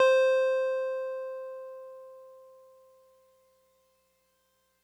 <region> pitch_keycenter=72 lokey=71 hikey=74 volume=7.712675 lovel=100 hivel=127 ampeg_attack=0.004000 ampeg_release=0.100000 sample=Electrophones/TX81Z/Piano 1/Piano 1_C4_vl3.wav